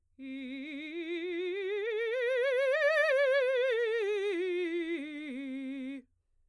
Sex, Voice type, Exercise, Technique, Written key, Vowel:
female, soprano, scales, vibrato, , i